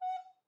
<region> pitch_keycenter=78 lokey=78 hikey=79 tune=-3 volume=15.872738 offset=111 ampeg_attack=0.005 ampeg_release=10.000000 sample=Aerophones/Edge-blown Aerophones/Baroque Soprano Recorder/Staccato/SopRecorder_Stac_F#4_rr1_Main.wav